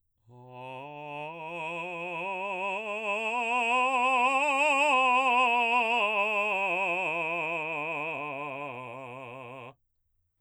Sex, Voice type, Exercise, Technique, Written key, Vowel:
male, baritone, scales, slow/legato forte, C major, a